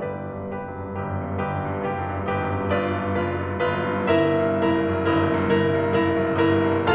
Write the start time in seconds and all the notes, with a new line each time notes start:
0.00 G1 G4 B4 D5
0.13 F#2
0.33 G2
0.50 F#1 G4 B4
0.59 F#2
0.72 G2
0.91 G1 G4 B4
1.06 F#2
1.17 G2
1.34 G1 G4 B4
1.47 F#2
1.65 G2
1.82 F#1 G4 B4
2.03 F#2
2.19 G2
2.37 G1 G4 B4
2.54 F#2
2.68 G2
2.80 G1 F4 B4 D5
2.93 F#2
3.15 G2
3.30 F#1 F4 B4
3.42 F#2
3.56 G2
3.72 G1 F4 B4
3.83 F#2
3.96 G2
4.09 G1 E4 A#4 E5
4.37 C2
4.49 G2
4.63 F#1 E4 A#4
4.76 C2
4.93 F#2
5.15 G1 E4 A#4
5.31 C2
5.45 G2
5.58 G1 E4 A#4
5.80 C2
5.93 G2
6.05 F#1 E4 A#4
6.22 C2
6.34 F#2
6.48 G1 E4 A#4
6.64 C2
6.80 G2